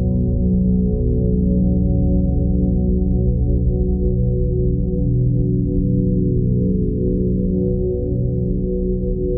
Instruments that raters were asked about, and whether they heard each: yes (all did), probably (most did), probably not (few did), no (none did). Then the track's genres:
synthesizer: probably
voice: no
violin: no
cello: no
Soundtrack; Ambient Electronic; Ambient; Minimalism; Instrumental